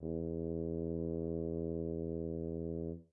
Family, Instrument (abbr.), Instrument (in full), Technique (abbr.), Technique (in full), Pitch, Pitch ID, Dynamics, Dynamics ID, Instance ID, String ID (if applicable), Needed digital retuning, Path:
Brass, BTb, Bass Tuba, ord, ordinario, E2, 40, mf, 2, 0, , TRUE, Brass/Bass_Tuba/ordinario/BTb-ord-E2-mf-N-T27u.wav